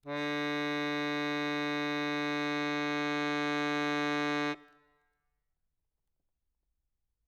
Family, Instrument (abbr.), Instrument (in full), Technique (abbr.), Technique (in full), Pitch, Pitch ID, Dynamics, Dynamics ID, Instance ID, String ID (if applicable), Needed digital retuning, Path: Keyboards, Acc, Accordion, ord, ordinario, D3, 50, ff, 4, 0, , FALSE, Keyboards/Accordion/ordinario/Acc-ord-D3-ff-N-N.wav